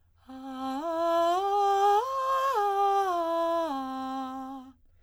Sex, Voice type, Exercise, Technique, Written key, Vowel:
female, soprano, arpeggios, breathy, , a